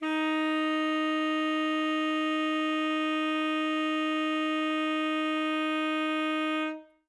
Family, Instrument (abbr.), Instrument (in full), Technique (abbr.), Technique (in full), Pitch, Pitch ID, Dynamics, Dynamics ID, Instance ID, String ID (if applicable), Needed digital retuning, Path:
Winds, ASax, Alto Saxophone, ord, ordinario, D#4, 63, ff, 4, 0, , FALSE, Winds/Sax_Alto/ordinario/ASax-ord-D#4-ff-N-N.wav